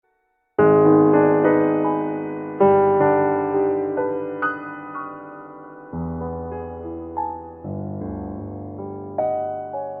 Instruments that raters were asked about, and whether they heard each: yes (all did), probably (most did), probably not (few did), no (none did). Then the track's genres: piano: yes
Contemporary Classical